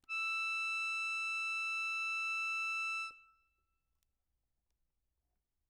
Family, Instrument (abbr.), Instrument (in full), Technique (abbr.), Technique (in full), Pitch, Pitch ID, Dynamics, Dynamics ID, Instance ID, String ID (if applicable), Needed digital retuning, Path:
Keyboards, Acc, Accordion, ord, ordinario, E6, 88, ff, 4, 0, , FALSE, Keyboards/Accordion/ordinario/Acc-ord-E6-ff-N-N.wav